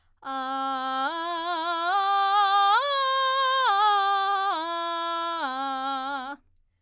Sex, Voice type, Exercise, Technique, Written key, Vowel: female, soprano, arpeggios, belt, , a